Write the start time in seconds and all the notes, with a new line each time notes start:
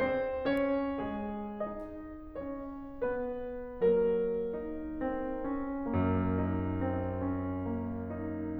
0.00 C4 C5
0.49 C#4 C#5
0.98 G#3 G#4
1.59 D#4 D#5
2.41 C#4 C#5
3.05 B3 B4
3.91 F#3 A#3 A#4
4.40 D#4
5.09 C4
5.56 C#4
5.97 F#2 A#3
6.36 D#4
6.82 C4
7.21 C#4
7.74 A#3
8.14 D#4